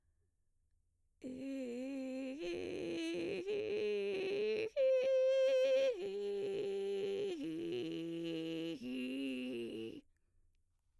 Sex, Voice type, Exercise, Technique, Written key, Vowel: female, mezzo-soprano, arpeggios, vocal fry, , i